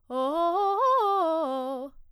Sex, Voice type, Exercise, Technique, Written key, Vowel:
female, soprano, arpeggios, fast/articulated piano, C major, o